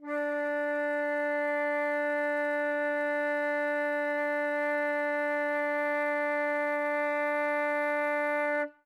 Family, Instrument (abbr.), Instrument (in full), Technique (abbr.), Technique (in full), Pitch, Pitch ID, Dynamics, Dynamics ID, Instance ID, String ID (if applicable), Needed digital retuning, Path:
Winds, Fl, Flute, ord, ordinario, D4, 62, ff, 4, 0, , FALSE, Winds/Flute/ordinario/Fl-ord-D4-ff-N-N.wav